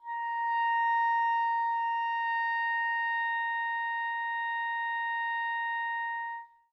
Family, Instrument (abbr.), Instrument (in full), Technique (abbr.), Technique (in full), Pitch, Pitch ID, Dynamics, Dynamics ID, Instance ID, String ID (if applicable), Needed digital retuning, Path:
Winds, ClBb, Clarinet in Bb, ord, ordinario, A#5, 82, mf, 2, 0, , FALSE, Winds/Clarinet_Bb/ordinario/ClBb-ord-A#5-mf-N-N.wav